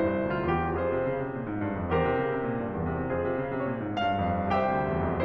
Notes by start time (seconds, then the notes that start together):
0.01 G2 E4 C5
0.17 C2
0.28 D2 F4
0.57 E2 G4
0.76 F2 F4 G#4 C5
0.92 C3
1.06 C#3
1.20 C3
1.35 A#2
1.47 G#2
1.62 G2
1.78 F2
1.91 E2 G4 A#4 C5
2.07 C3
2.22 C#3
2.39 C3
2.58 A#2
2.71 G2
2.83 E2
3.00 C3
3.15 F2 F4 G#4 C5
3.27 C3
3.41 C#3
3.54 C3
3.66 A#2
3.81 G#2
3.93 G2 F5
4.12 F2
4.53 C2 G4 C5 E5 G5
4.71 D2
4.87 D#2
5.00 F2